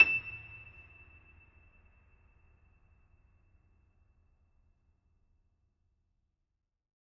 <region> pitch_keycenter=100 lokey=100 hikey=101 volume=0.223515 lovel=100 hivel=127 locc64=65 hicc64=127 ampeg_attack=0.004000 ampeg_release=10.400000 sample=Chordophones/Zithers/Grand Piano, Steinway B/Sus/Piano_Sus_Close_E7_vl4_rr1.wav